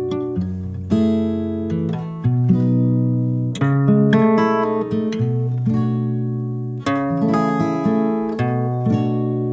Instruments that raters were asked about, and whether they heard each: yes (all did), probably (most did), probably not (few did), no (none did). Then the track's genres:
guitar: yes
saxophone: no
Electronic; Experimental Pop